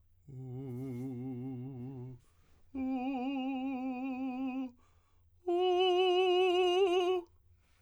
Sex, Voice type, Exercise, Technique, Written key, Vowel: male, tenor, long tones, full voice pianissimo, , u